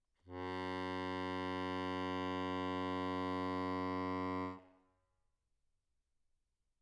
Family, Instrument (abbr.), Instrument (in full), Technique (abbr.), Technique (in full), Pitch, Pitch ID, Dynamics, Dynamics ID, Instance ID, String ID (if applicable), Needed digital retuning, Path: Keyboards, Acc, Accordion, ord, ordinario, F#2, 42, mf, 2, 3, , FALSE, Keyboards/Accordion/ordinario/Acc-ord-F#2-mf-alt3-N.wav